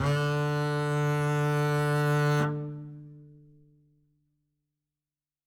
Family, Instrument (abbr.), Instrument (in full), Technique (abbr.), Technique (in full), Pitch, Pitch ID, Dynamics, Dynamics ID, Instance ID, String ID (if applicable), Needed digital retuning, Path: Strings, Cb, Contrabass, ord, ordinario, D3, 50, ff, 4, 0, 1, FALSE, Strings/Contrabass/ordinario/Cb-ord-D3-ff-1c-N.wav